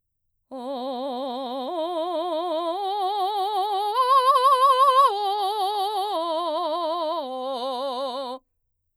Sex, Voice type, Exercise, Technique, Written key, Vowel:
female, mezzo-soprano, arpeggios, vibrato, , o